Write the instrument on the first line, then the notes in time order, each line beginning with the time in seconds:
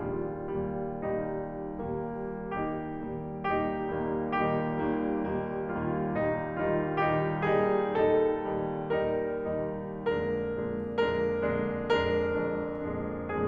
piano
0.00 D#2 A#2 G3 F4
0.56 D#2 A#2 G3
1.06 D#2 A#2 G3 D#4
1.56 D#2 A#2 G3 A#3
2.16 D#2 A#2 D#3 G3 A#3 D#4 G4
2.60 D#2 A#2 D#3 G3 A#3 D#4
3.02 D#2 A#2 D#3 G3 A#3 D#4 G4
3.45 D#2 A#2 D#3 G3 A#3 D#4
3.95 D#2 A#2 D#3 G3 A#3 D#4 G4
4.50 D#2 A#2 D#3 G3 A#3 D#4
5.09 D#2 A#2 D#3 G3 A#3 D#4
5.54 D#2 A#2 D#3 G3 A#3 D#4 F4
6.04 D#2 A#2 D#3 G3 D#4
6.54 D#2 A#2 D#3 G3 D#4 F4
7.01 D#2 A#2 D#3 G3 D#4 G4
7.50 D#2 A#2 D#3 G3 D#4 G#4
7.99 D#2 A#2 D#3 G3 D#4 A4
8.48 D#2 A#2 D#3 G3 D#4
8.97 D#2 A#2 D#3 G3 D#4 A#4
9.53 D#2 A#2 D#3 G3 D#4
10.08 F2 A#2 D3 G#3 D4 A#4
10.53 F2 A#2 D3 G#3 D4
11.02 F2 A#2 D3 G#3 D4 A#4
11.51 F2 A#2 D3 G#3 D4
11.91 F2 A#2 D3 G#3 D4 A#4
12.56 F2 A#2 D3 G#3 D4
13.03 F2 A#2 D3 G#3 D4